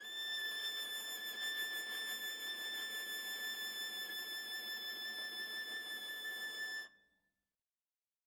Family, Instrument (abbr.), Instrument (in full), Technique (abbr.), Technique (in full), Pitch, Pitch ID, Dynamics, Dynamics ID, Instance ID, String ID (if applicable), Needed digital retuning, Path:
Strings, Va, Viola, ord, ordinario, A6, 93, ff, 4, 0, 1, TRUE, Strings/Viola/ordinario/Va-ord-A6-ff-1c-T11u.wav